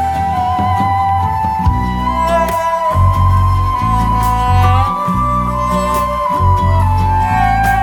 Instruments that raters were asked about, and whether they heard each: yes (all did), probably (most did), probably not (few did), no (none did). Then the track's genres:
flute: yes
Folk; New Age